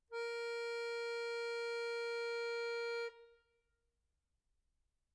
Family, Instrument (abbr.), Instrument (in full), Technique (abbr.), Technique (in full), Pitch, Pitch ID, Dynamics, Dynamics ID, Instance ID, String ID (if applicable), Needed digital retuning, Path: Keyboards, Acc, Accordion, ord, ordinario, A#4, 70, mf, 2, 1, , FALSE, Keyboards/Accordion/ordinario/Acc-ord-A#4-mf-alt1-N.wav